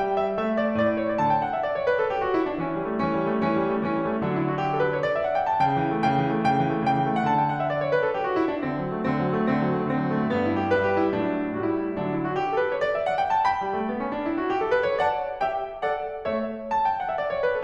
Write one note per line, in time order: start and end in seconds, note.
0.00 0.35 G3
0.00 0.15 G5
0.16 0.35 E5
0.35 0.78 A3
0.35 0.58 E5
0.58 0.78 D5
0.78 1.17 A2
0.78 0.99 D5
0.99 1.17 C#5
1.17 1.54 D3
1.17 1.20 D5
1.17 1.30 A5
1.30 1.42 G5
1.43 1.54 F#5
1.54 1.66 E5
1.66 1.76 D5
1.76 1.86 C#5
1.87 1.97 B4
1.99 2.10 A4
2.10 2.21 G4
2.21 2.35 F#4
2.36 2.46 E4
2.47 2.61 D4
2.61 2.77 E3
2.61 3.04 C#4
2.77 2.94 G3
2.94 3.04 A3
3.04 3.18 E3
3.04 3.46 C#4
3.18 3.33 G3
3.33 3.46 A3
3.46 3.58 E3
3.46 3.87 C#4
3.59 3.74 G3
3.74 3.87 A3
3.87 4.02 E3
3.87 4.21 C#4
4.02 4.13 G3
4.13 4.21 A3
4.23 4.61 D3
4.23 4.61 F#3
4.23 4.34 D4
4.34 4.48 E4
4.48 4.61 F#4
4.61 4.74 G4
4.75 4.86 A4
4.86 4.99 B4
4.99 5.07 C#5
5.07 5.19 D5
5.19 5.26 E5
5.26 5.41 F#5
5.41 5.53 G5
5.53 5.64 A5
5.65 5.79 C#3
5.65 6.06 G5
5.80 5.92 E3
5.92 6.06 A3
6.06 6.18 C#3
6.06 6.43 G5
6.19 6.30 E3
6.32 6.43 A3
6.43 6.57 C#3
6.43 6.85 G5
6.57 6.72 E3
6.72 6.85 A3
6.86 6.98 C#3
6.86 7.20 G5
6.98 7.08 E3
7.08 7.20 A3
7.20 7.56 D3
7.20 7.23 F#5
7.24 7.33 A5
7.34 7.44 G5
7.44 7.56 F#5
7.56 7.70 E5
7.70 7.78 D5
7.79 7.91 C#5
7.91 8.02 B4
8.02 8.20 A4
8.20 8.31 G4
8.32 8.44 F#4
8.45 8.54 E4
8.54 8.70 D4
8.70 8.81 D3
8.70 9.10 C4
8.81 8.96 F#3
8.97 9.10 A3
9.10 9.29 D3
9.10 9.57 C4
9.29 9.44 F#3
9.44 9.57 A3
9.59 9.68 D3
9.59 9.95 C4
9.69 9.83 F#3
9.83 9.95 A3
9.95 10.04 D3
9.95 10.27 C4
10.05 10.16 F#3
10.17 10.27 A3
10.27 11.16 G2
10.27 10.47 B3
10.47 10.59 E4
10.59 10.73 G4
10.74 11.16 G3
10.74 10.87 B4
10.87 11.01 G4
11.01 11.16 E4
11.16 11.62 A2
11.16 11.62 F#3
11.16 11.62 D4
11.62 12.02 A2
11.62 12.02 G3
11.62 11.84 F#4
11.84 12.02 E4
12.02 12.34 D3
12.02 12.34 F#3
12.02 12.12 D4
12.12 12.23 E4
12.23 12.34 F#4
12.35 12.47 G4
12.47 12.56 A4
12.56 12.69 B4
12.69 12.81 C#5
12.81 12.95 D5
12.96 13.05 E5
13.05 13.19 F#5
13.19 13.32 G5
13.32 13.47 A5
13.49 15.06 G5
13.49 15.06 B5
13.62 13.75 G3
13.75 13.89 A3
13.89 14.01 B3
14.02 14.13 C#4
14.14 14.26 D4
14.26 14.42 E4
14.42 14.54 F#4
14.54 14.65 G4
14.66 14.78 A4
14.78 14.93 B4
14.93 15.06 C#5
15.06 15.43 D5
15.06 15.43 F#5
15.06 15.43 A5
15.43 15.82 G4
15.43 15.82 E5
15.43 15.82 G5
15.84 16.27 A4
15.84 16.27 D5
15.84 16.27 F#5
16.28 16.72 A3
16.28 16.72 C#5
16.28 16.72 E5
16.72 16.85 A5
16.85 17.01 G5
17.02 17.12 F#5
17.12 17.22 E5
17.22 17.33 D5
17.33 17.43 C#5
17.43 17.50 B4
17.50 17.64 A4